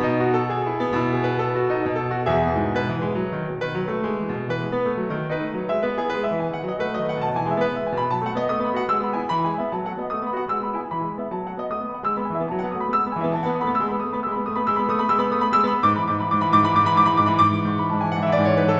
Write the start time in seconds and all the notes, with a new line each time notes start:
0.00 B2 D#4
0.15 F#4
0.35 A4
0.55 G#4
0.68 E4
0.82 B3
0.96 B2 E4
1.13 G#4
1.27 B4
1.40 A4
1.53 F#4
1.67 D#4
1.81 B2 D#5
1.99 B4
2.17 F#4
2.31 E3 G#4 E5
2.48 B2
2.62 G#2
2.79 B2 B4
2.90 E3
3.02 G#3
3.19 F#3
3.34 D#3
3.49 B2
3.62 D#3 B4
3.76 F#3
3.90 A3
4.06 G#3
4.19 E3
4.33 B2
4.50 E3 B4
4.63 G#3
4.74 B3
4.86 A3
4.99 F#3
5.12 D#3
5.28 D#4 B4
5.42 B3
5.56 F#3
5.68 G#3 E5
5.86 B3 B4
5.99 E4 G#4
6.11 B3 B4
6.23 G#3 E5
6.40 E3 G#5
6.51 D#3 F#5
6.66 F#3 D#5
6.78 A3 B4
6.91 F#3 D#5
7.04 D#3 F#5
7.17 B2 A5
7.33 E3 G#5
7.47 G#3 E5
7.60 B3 B4
7.76 G#3 E5
7.88 E3 G#5
8.01 B2 B5
8.13 F#3 A5
8.27 A3 F#5
8.37 B3 D#5
8.49 A3 D#6
8.63 B3 B5
8.75 F#4 F#5
8.88 G#3 E6
9.01 B3 B5
9.13 E4 G#5
9.28 E3 B5
9.44 G#3 G#5
9.58 B3 E5
9.71 F#3 A5
9.85 A3 F#5
9.98 B3 D#5
10.10 A3 D#6
10.24 B3 B5
10.36 F#4 F#5
10.50 G#3 E6
10.62 B3 B5
10.75 E4 G#5
10.89 E3 B5
11.02 G#3 G#5
11.16 B3 E5
11.33 F#3 A5
11.46 A3 F#5
11.58 B3 D#5
11.70 A3 D#6
11.84 B3 B5
11.96 F#4 F#5
12.11 G#3 E6
12.20 B3 B5
12.29 E3 G#5
12.40 B3 E5
12.52 F#3 A5
12.62 B3 F#5
12.71 A3 D#6
12.79 B3 B5
12.89 G#3 E6
12.99 B3 B5
13.08 E3 G#5
13.21 B3 E5
13.32 F#3 A5
13.44 B3 F#5
13.55 A3 D#6
13.64 B3 B5
13.80 G#3 E6
13.91 B3 B5
13.97 A3 D#6
14.07 B3 B5
14.18 G#3 E6
14.28 B3 B5
14.40 A3 D#6
14.49 B3 B5
14.61 G#3 E6
14.72 B3 B5
14.84 A3 D#6
14.98 B3 B5
15.07 G#3 E6
15.26 B3 B5
15.35 A3 D#6
15.44 B3 B5
15.57 G#3 E6
15.66 B3 B5
15.75 G#2 D6
15.89 E3 B5
16.06 G#2 D6
16.18 E3 B5
16.30 G#2 D6
16.39 E3 B5
16.50 G#2 D6
16.63 E3 B5
16.74 G#2 D6
16.83 E3 B5
16.93 G#2 D6
17.09 E3 B5
17.24 G#2 D6
17.35 E3 B5
17.43 G#2 D6
17.53 E3
17.65 G#2 C#6
17.76 E3 B5
17.90 G#2 A5
18.01 E3 G#5
18.18 G#2 F#5
18.27 E3 E5
18.37 G#2 D5
18.46 E3 C#5
18.59 G#2 B4
18.69 E3 A4